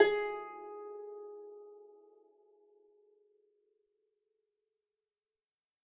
<region> pitch_keycenter=68 lokey=68 hikey=69 tune=-6 volume=6.623642 xfin_lovel=70 xfin_hivel=100 ampeg_attack=0.004000 ampeg_release=30.000000 sample=Chordophones/Composite Chordophones/Folk Harp/Harp_Normal_G#3_v3_RR1.wav